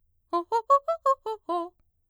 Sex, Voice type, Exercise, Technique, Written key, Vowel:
female, mezzo-soprano, arpeggios, fast/articulated piano, F major, o